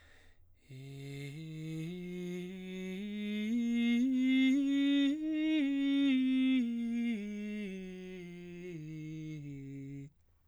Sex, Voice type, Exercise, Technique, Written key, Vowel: male, baritone, scales, breathy, , i